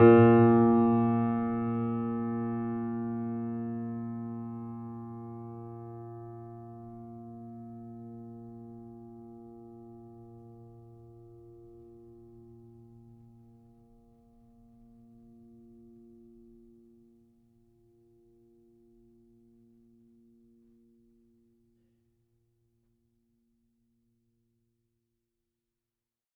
<region> pitch_keycenter=46 lokey=46 hikey=47 volume=0.993362 lovel=0 hivel=65 locc64=65 hicc64=127 ampeg_attack=0.004000 ampeg_release=0.400000 sample=Chordophones/Zithers/Grand Piano, Steinway B/Sus/Piano_Sus_Close_A#2_vl2_rr1.wav